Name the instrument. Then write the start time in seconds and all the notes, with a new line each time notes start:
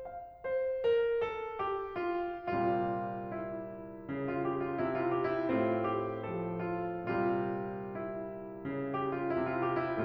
piano
0.00 F5
0.43 C5
0.85 A#4
1.14 A4
1.57 G4
1.95 F4
2.60 A#2 C3 G3 F4
3.29 E4
4.12 C#3
4.34 F4
4.48 G4
4.64 F4
4.81 C3 E4
5.05 F4
5.18 G4
5.32 E4
5.50 A2 A3 C4 F4
5.80 G4
6.28 F3 A4
6.59 F4
7.11 A#2 C3 G3 F4
7.92 E4
8.65 C#3
8.80 F4
8.94 G4
9.07 F4
9.29 C3 E4
9.47 F4
9.62 G4
9.79 E4